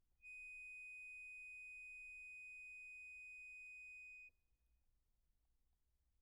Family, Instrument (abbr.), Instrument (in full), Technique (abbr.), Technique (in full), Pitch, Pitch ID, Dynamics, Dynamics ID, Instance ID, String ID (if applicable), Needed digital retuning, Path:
Keyboards, Acc, Accordion, ord, ordinario, D#7, 99, pp, 0, 1, , FALSE, Keyboards/Accordion/ordinario/Acc-ord-D#7-pp-alt1-N.wav